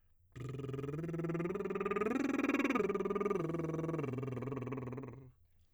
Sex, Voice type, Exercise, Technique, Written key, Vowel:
male, tenor, arpeggios, lip trill, , i